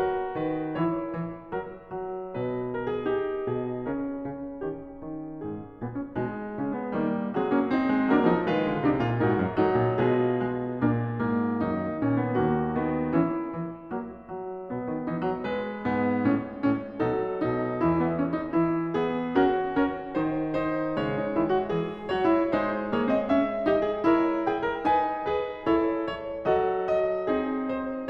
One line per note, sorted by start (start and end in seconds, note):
0.00 0.77 F#4
0.00 0.36 A#4
0.36 0.77 D#3
0.36 0.77 B4
0.77 1.16 E3
0.77 3.12 E4
0.77 1.16 C#5
1.16 1.57 E3
1.57 1.99 F#3
1.57 1.99 A#4
1.99 2.41 F#3
2.41 3.12 B2
2.41 2.75 B4
2.75 2.93 A#4
2.93 3.12 G#4
3.12 3.84 D#4
3.12 3.47 G4
3.47 3.84 B2
3.47 3.84 G#4
3.84 4.20 C#3
3.84 5.83 C#4
3.84 4.20 A#4
4.20 4.64 C#3
4.64 5.03 D#3
4.64 5.03 G4
5.03 5.42 D#3
5.42 5.83 G#2
5.42 6.13 G#4
5.83 6.13 A#2
5.83 5.97 B3
5.97 6.13 C#4
6.13 6.61 B2
6.13 6.94 G#3
6.13 6.61 D#4
6.61 6.94 C#3
6.61 6.76 C#4
6.76 6.94 B3
6.94 7.35 D#3
6.94 7.35 G3
6.94 7.35 A#3
7.35 7.93 F#3
7.35 7.53 G#3
7.35 7.53 C4
7.35 8.12 G#4
7.53 7.74 A#3
7.53 7.74 C#4
7.74 8.12 C4
7.74 8.12 D#4
7.93 8.12 G#3
8.12 8.30 F#3
8.12 8.49 A#3
8.12 8.30 D4
8.12 8.49 A#4
8.30 8.49 F3
8.30 8.49 D#4
8.49 8.68 D#3
8.49 8.84 G#3
8.49 8.84 F4
8.49 9.20 B4
8.68 8.84 D3
8.84 9.01 C3
8.84 9.20 D4
8.84 9.01 D#4
9.01 9.20 A#2
9.01 9.20 F4
9.20 9.43 G#2
9.20 9.64 D#4
9.20 9.64 F#4
9.20 10.01 A#4
9.43 9.64 F#2
9.64 9.78 G#2
9.64 10.01 F#3
9.64 10.01 D#4
9.78 10.01 A#2
10.01 10.82 B2
10.01 10.38 G#3
10.01 10.38 F4
10.01 12.36 G#4
10.38 10.82 G#3
10.82 11.23 A#2
10.82 11.23 A#3
10.82 11.23 D4
11.23 11.67 G#2
11.23 11.67 A#3
11.67 11.98 F#2
11.67 12.36 D#3
11.67 11.98 D#4
11.98 12.36 A#2
11.98 12.18 C#4
12.18 12.36 B3
12.36 13.14 D#2
12.36 12.75 A#3
12.36 13.14 F#4
12.75 13.14 D#3
12.75 13.14 B3
13.14 13.57 E3
13.14 13.57 C#4
13.14 15.03 E4
13.57 13.92 E3
13.92 14.28 F#3
13.92 14.28 A#3
14.28 14.72 F#3
14.72 14.88 B2
14.72 15.46 B3
14.88 15.03 D#3
15.03 15.22 E3
15.03 15.46 D#4
15.22 15.46 F#3
15.46 17.07 G#3
15.46 17.07 B4
15.92 16.29 G#2
15.92 16.29 B3
16.29 16.65 A2
16.29 16.65 C#4
16.65 17.07 A2
16.65 17.07 C#4
17.07 17.40 B2
17.07 17.82 F#3
17.07 17.40 D#4
17.07 18.55 A4
17.40 17.82 B2
17.40 17.82 D#4
17.82 18.55 E2
17.82 18.55 E3
17.82 18.00 E4
18.00 18.16 B3
18.16 18.32 C#4
18.32 18.55 D#4
18.55 20.17 E3
18.55 18.94 E4
18.94 19.35 B3
18.94 19.35 G#4
19.35 19.77 C#4
19.35 21.18 F#4
19.35 19.77 A#4
19.77 20.17 C#4
19.77 20.17 A#4
20.17 20.99 D#3
20.17 20.56 D#4
20.17 20.56 C5
20.56 20.99 D#4
20.56 20.99 C5
20.99 21.34 C#3
20.99 22.55 G#3
20.99 21.71 C#5
21.18 21.34 D#4
21.34 21.71 D#3
21.34 21.51 E4
21.51 21.71 F#4
21.71 22.13 E3
21.71 22.13 G#4
22.13 22.55 F#3
22.13 22.33 F#4
22.13 22.55 C#5
22.33 22.55 E4
22.55 26.40 G#3
22.55 22.93 D#4
22.55 22.93 C5
22.93 23.13 A#3
22.93 23.65 G#4
22.93 23.13 C#5
23.13 23.29 C4
23.13 23.29 D#5
23.29 23.65 C#4
23.29 23.65 E5
23.65 24.09 D#4
23.65 23.86 G4
23.65 24.09 D#5
23.86 24.09 G#4
24.09 24.87 E4
24.09 24.46 A#4
24.09 24.46 C#5
24.46 24.60 G#4
24.46 24.87 G5
24.60 24.87 A#4
24.87 25.67 D#4
24.87 25.25 B4
24.87 25.25 G#5
25.25 25.67 G#4
25.25 25.67 B4
25.67 26.01 E4
25.67 26.01 A4
25.67 26.01 C#5
26.01 26.40 C#5
26.40 28.10 F#3
26.40 26.88 F#4
26.40 26.88 A4
26.40 26.88 D#5
26.88 27.27 D#5
27.27 27.71 C4
27.27 27.71 D#4
27.27 27.71 G#4
27.71 28.10 C5